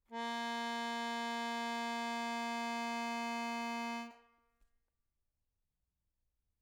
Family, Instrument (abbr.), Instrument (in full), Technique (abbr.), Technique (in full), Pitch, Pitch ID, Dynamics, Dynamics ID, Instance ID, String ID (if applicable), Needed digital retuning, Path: Keyboards, Acc, Accordion, ord, ordinario, A#3, 58, mf, 2, 0, , FALSE, Keyboards/Accordion/ordinario/Acc-ord-A#3-mf-N-N.wav